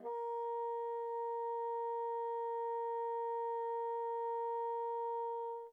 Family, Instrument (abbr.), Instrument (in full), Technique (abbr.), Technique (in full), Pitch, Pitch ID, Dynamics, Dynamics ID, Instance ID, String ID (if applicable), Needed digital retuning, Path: Winds, Bn, Bassoon, ord, ordinario, A#4, 70, pp, 0, 0, , TRUE, Winds/Bassoon/ordinario/Bn-ord-A#4-pp-N-T13u.wav